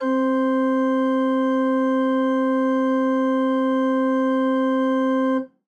<region> pitch_keycenter=60 lokey=60 hikey=61 volume=2.153268 ampeg_attack=0.004000 ampeg_release=0.300000 amp_veltrack=0 sample=Aerophones/Edge-blown Aerophones/Renaissance Organ/Full/RenOrgan_Full_Room_C3_rr1.wav